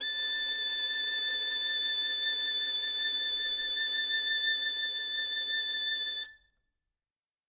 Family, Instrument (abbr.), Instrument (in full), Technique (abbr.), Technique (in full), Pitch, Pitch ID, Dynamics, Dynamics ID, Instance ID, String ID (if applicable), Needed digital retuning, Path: Strings, Vn, Violin, ord, ordinario, A6, 93, ff, 4, 0, 1, TRUE, Strings/Violin/ordinario/Vn-ord-A6-ff-1c-T11d.wav